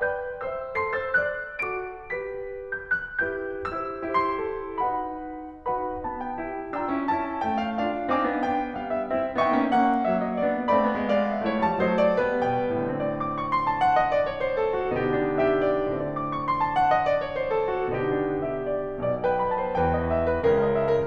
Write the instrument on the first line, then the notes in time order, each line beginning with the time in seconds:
piano
0.00 B4 D5 G5 G6
0.41 C5 E5 E6
0.80 A4 C6 C7
0.98 C5 E6 A6
1.21 D5 F#6
1.67 F#4 A4 D6 D7
2.10 G4 B4 B6
2.74 G6
2.97 F#6
3.22 E4 G4 B4 G6
3.80 E4 G4 C5 E6
4.26 E4 G4 C5 C6
4.48 A4
4.81 D#4 F#4 B4 F#5 B5
5.54 D#4 F#4 B4 F#5 B5
6.05 B3 D#4 A5
6.29 G5
6.46 E4 G4 G5
6.78 D4 F4 G5 A#5 E6
6.94 C#4 E4
7.11 C#4 E4 A5
7.49 A3 C#4 G5
7.65 F5
7.85 D4 F4 F5
8.14 C4 D#4 F5 G#5 D6
8.28 B3 D4
8.42 B3 D4 G5
8.78 G3 B3 F5
8.95 E5
9.10 C4 E4 E5
9.50 B3 D4 E5 G5 C#6
9.65 A#3 C#4
9.79 A#3 C#4 F#5
10.11 F#3 A#3 E5
10.26 D#5
10.40 B3 D4 D5
10.75 A3 C4 D5 F5 B5
10.95 G#3 B3
11.12 F5
11.28 E5
11.42 A3 E4 C#5
11.61 G3 A5
11.75 F#3 A3 C5 D#5
12.02 D5
12.21 G3 B3 B4
12.54 B2 G5
12.92 A2 D3 C4 D5
13.13 D6
13.31 C#6
13.48 C6
13.64 A5
13.80 F#5
13.98 D#5
14.13 D5
14.26 C#5
14.43 C5
14.58 A4
14.79 F#4
14.98 B2 D3 B3 D#4 G4
15.26 D4
15.42 G4 E5
15.77 D5
15.91 A2 D3 C4 D5
16.07 D6
16.28 C#6
16.44 C6
16.59 A5
16.73 F#5
16.88 D#5
17.07 D5
17.19 C#5
17.36 C5
17.55 A4
17.71 F#4
17.87 B2 D3 B3 D#4 G4
18.15 D4
18.37 G4 E5
18.55 D5
18.83 B1 B2 D5
19.11 B4 G5
19.30 D5 B5
19.54 C5 A5
19.73 E2 E3 B4 G5
19.96 D#5
20.13 E5
20.28 B4
20.47 C#2 C#3 A#4
20.64 D#5
20.76 E5
20.93 A#4